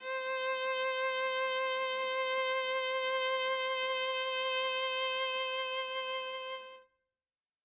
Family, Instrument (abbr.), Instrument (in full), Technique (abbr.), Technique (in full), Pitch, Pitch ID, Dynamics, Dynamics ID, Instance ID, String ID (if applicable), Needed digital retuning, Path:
Strings, Va, Viola, ord, ordinario, C5, 72, ff, 4, 0, 1, FALSE, Strings/Viola/ordinario/Va-ord-C5-ff-1c-N.wav